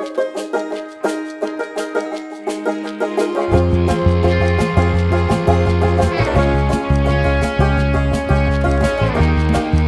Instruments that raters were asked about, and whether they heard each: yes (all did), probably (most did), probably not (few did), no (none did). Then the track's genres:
banjo: yes
mandolin: yes
ukulele: yes
Pop; Folk; Singer-Songwriter